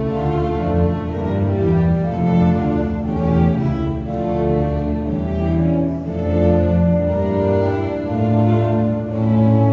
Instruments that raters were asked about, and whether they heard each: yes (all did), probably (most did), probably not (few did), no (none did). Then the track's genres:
cello: yes
Classical; Chamber Music